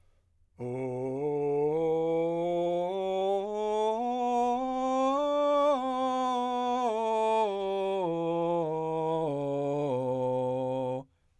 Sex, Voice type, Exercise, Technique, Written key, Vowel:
male, , scales, straight tone, , o